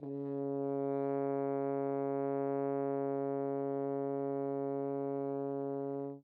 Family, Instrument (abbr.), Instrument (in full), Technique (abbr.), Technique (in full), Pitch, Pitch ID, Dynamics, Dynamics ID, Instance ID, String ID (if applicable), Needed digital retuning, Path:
Brass, Hn, French Horn, ord, ordinario, C#3, 49, mf, 2, 0, , FALSE, Brass/Horn/ordinario/Hn-ord-C#3-mf-N-N.wav